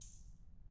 <region> pitch_keycenter=61 lokey=61 hikey=61 volume=20.809559 seq_position=2 seq_length=2 ampeg_attack=0.004000 ampeg_release=30.000000 sample=Idiophones/Struck Idiophones/Shaker, Small/Mid_Shaker_Slap_rr2.wav